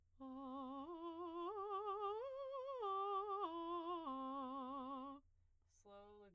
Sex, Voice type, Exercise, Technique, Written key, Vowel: female, soprano, arpeggios, slow/legato piano, C major, a